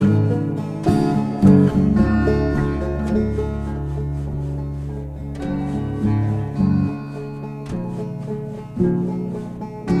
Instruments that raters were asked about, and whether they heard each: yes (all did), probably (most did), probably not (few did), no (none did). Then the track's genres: mandolin: probably not
ukulele: probably
Folk